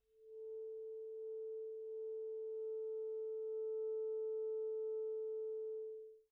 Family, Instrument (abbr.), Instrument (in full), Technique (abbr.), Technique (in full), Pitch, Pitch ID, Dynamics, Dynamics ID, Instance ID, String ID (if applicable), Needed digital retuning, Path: Winds, ClBb, Clarinet in Bb, ord, ordinario, A4, 69, pp, 0, 0, , TRUE, Winds/Clarinet_Bb/ordinario/ClBb-ord-A4-pp-N-T13d.wav